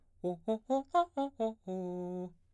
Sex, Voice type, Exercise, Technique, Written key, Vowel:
male, baritone, arpeggios, fast/articulated piano, F major, o